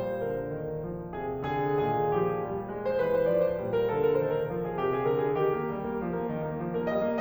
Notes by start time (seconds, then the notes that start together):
0.00 A#2 G3 C5
0.37 D3 A#4
0.67 D#3
0.95 F3
1.23 C3 G#4
1.56 D3 G#4
1.87 A#2 D#3 G#4
2.17 F3 G4
2.50 G3
2.74 G#3
2.87 C5
3.00 E3 B4
3.12 C5
3.25 F3 D5
3.44 C5
3.59 A#2 G3
3.77 A#4
3.92 D3 A4
4.06 A#4
4.18 D#3 C5
4.33 A#4
4.47 F3
4.63 G#4
4.79 C3 G4
4.90 G#4
5.10 D3 A#4
5.25 G#4
5.40 D#3 G4
5.54 A#3
5.70 G3
5.87 A#3
6.05 F3
6.14 A#3
6.27 D#3
6.48 A#3
6.62 F3
6.79 A#3 A#4
6.93 G3 D#5
7.08 A#3